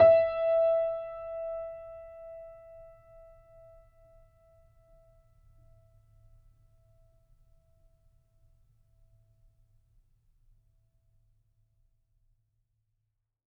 <region> pitch_keycenter=76 lokey=76 hikey=77 volume=-0.808203 lovel=66 hivel=99 locc64=0 hicc64=64 ampeg_attack=0.004000 ampeg_release=0.400000 sample=Chordophones/Zithers/Grand Piano, Steinway B/NoSus/Piano_NoSus_Close_E5_vl3_rr1.wav